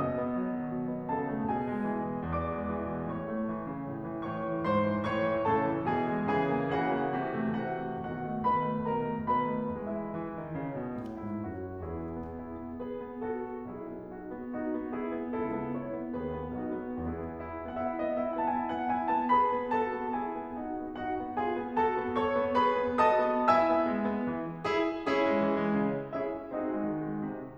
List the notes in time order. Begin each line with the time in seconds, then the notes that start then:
0.00 B2 D#5 D#6
0.20 B3
0.35 F#3
0.55 D#3
0.72 B2
0.91 B3
1.09 C#3 A4 A5
1.27 A3
1.46 B2 G#4 G#5
1.68 G#3
1.92 E3
2.11 B2
2.31 E2 D5 D6
2.47 G#3
2.68 E3
2.89 B2
3.11 A2 C#5 C#6
3.30 A3
3.51 E3
3.69 C#3
3.91 A2
4.09 E3
4.32 G#2 C#5 C#6
4.52 E3
4.68 G#2 C5 C6
4.90 E3
5.11 A2 C#5 C#6
5.32 E3
5.46 A2 C#3 A4 A5
5.64 E3
5.85 B2 E3 G#4 G#5
6.12 G#3
6.35 C#3 E3 G#4 G#5
6.62 A#3
6.78 C#3 E3 F#4 F#5
6.97 A#3
7.23 C3 E3
7.42 A3
7.66 C3 E3 F#4 F#5
7.87 A3
8.07 B2 D#3 F#4 F#5
8.27 A3
8.46 B2 D#3 B4 B5
8.68 A3
8.88 B2 D#3 A#4 A#5
9.14 A3
9.35 B2 D#3 B4 B5
9.61 A3
9.81 E3 G#3 E4 E5
10.17 E3
10.38 D#3
10.57 C#3
10.75 B2
10.98 A2
11.20 G#2 E4
11.49 F#2 F#4
11.82 E2 E4 G#4
12.10 B3
12.35 E4
12.55 B3
12.76 G#4 B4
13.01 B3
13.26 F#4 A4
13.43 B3
13.64 B1 E4 G#4
13.87 B3
14.08 D#4 F#4
14.27 B3
14.48 D#4 F#4
14.69 B3
14.90 E4 G#4
15.08 B3
15.35 C#2 E4 A4
15.55 B3
15.74 E4 C#5
16.01 B3
16.21 D#2 F#4 B4
16.42 B3
16.65 B1 D#4 F#4
16.83 B3
17.03 E2 B3 E4 G#4
17.44 E4
17.62 B3
17.82 E4 F#5
17.88 E5
18.01 B3 D#5
18.19 E4 E5
18.38 B3 F#5
18.55 E4 A5
18.60 G#5
18.72 B3 F#5
18.94 E4 G#5
19.14 B3 A5
19.37 G#4 B4 B5
19.57 B3
19.74 F#4 A4 A5
19.95 B3
20.15 E4 G#4 G#5
20.34 B3
20.60 D#4 F#4 F#5
20.78 B3
20.98 D#4 F#4 F#5
21.18 B3
21.43 F4 G#4 G#5
21.66 B3
21.83 F#4 A4 A5
22.04 B3
22.19 A4 C#5 C#6
22.38 B3
22.56 G#4 B4 B5
22.74 B3
23.01 F#4 D#5 A5 D#6
23.25 B3
23.49 E4 E5 G#5 E6
23.68 B3
23.90 G#3
24.11 B3
24.30 E3
24.66 E4 G#4
25.07 C#4 E4 G#4
25.26 G#3
25.43 E3
25.59 G#3
25.79 C#3
26.18 C#4 E4 G#4 E5
26.53 C4 D#4 F#4 G#4 D#5
26.69 G#3
26.90 D#3
27.06 G#3
27.25 C3